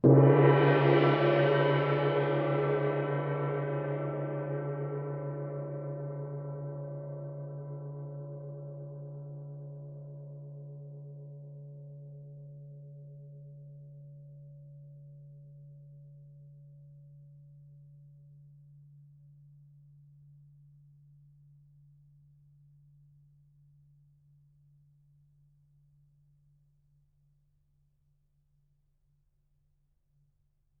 <region> pitch_keycenter=60 lokey=60 hikey=60 volume=3.076233 offset=1502 lovel=84 hivel=106 ampeg_attack=0.004000 ampeg_release=2.000000 sample=Idiophones/Struck Idiophones/Gong 1/gong_f.wav